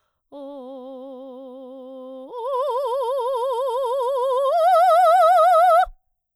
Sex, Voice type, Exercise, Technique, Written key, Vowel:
female, soprano, long tones, trill (upper semitone), , o